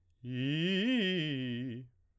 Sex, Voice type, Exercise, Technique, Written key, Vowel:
male, baritone, arpeggios, fast/articulated piano, C major, i